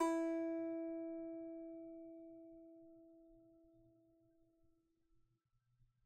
<region> pitch_keycenter=64 lokey=64 hikey=65 volume=7.695583 lovel=0 hivel=65 ampeg_attack=0.004000 ampeg_release=15.000000 sample=Chordophones/Composite Chordophones/Strumstick/Finger/Strumstick_Finger_Str3_Main_E3_vl1_rr1.wav